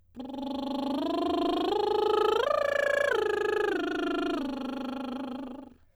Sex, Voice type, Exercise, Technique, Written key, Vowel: female, soprano, arpeggios, lip trill, , i